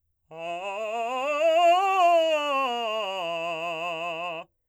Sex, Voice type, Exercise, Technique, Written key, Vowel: male, , scales, fast/articulated forte, F major, a